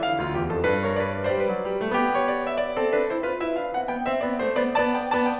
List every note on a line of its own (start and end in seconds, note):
0.01 0.19 D3
0.01 0.81 F5
0.19 0.31 D2
0.19 0.31 F4
0.32 0.52 E2
0.32 0.52 G4
0.52 0.61 F2
0.52 0.61 A4
0.62 1.37 G2
0.62 0.81 B4
0.82 0.94 A#4
0.82 0.94 C#5
0.95 1.23 B4
0.95 1.23 D5
1.24 1.37 C5
1.24 1.37 E5
1.37 1.55 G3
1.37 1.95 B4
1.37 2.19 D5
1.56 1.65 F#3
1.65 1.84 G3
1.85 1.95 A3
1.97 2.77 B3
1.97 2.77 G4
2.19 2.28 C#5
2.30 2.48 D5
2.49 2.59 E5
2.60 3.46 D5
2.78 2.91 C4
2.78 2.91 A4
2.92 3.12 D4
2.92 3.12 B4
3.14 3.24 E4
3.14 3.24 C5
3.24 3.46 F4
3.24 3.83 B4
3.47 3.56 E4
3.47 3.56 E5
3.56 3.74 D4
3.56 3.74 F5
3.75 3.83 C4
3.75 3.83 F#5
3.84 4.04 B3
3.84 4.73 G5
4.04 4.14 C4
4.04 4.14 E5
4.15 4.40 B3
4.15 4.40 D5
4.41 4.50 A3
4.41 4.50 C5
4.51 4.73 B3
4.51 4.73 D5
4.75 5.02 B3
4.75 5.02 D5
4.75 4.83 A5
4.84 5.02 G5
5.04 5.38 B3
5.04 5.38 D5
5.04 5.17 A5
5.17 5.38 G5